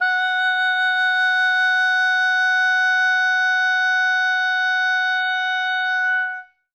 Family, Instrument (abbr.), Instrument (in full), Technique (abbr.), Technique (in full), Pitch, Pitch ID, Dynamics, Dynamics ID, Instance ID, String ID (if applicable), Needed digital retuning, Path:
Winds, Ob, Oboe, ord, ordinario, F#5, 78, ff, 4, 0, , FALSE, Winds/Oboe/ordinario/Ob-ord-F#5-ff-N-N.wav